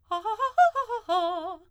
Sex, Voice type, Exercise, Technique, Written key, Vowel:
female, soprano, arpeggios, fast/articulated forte, F major, a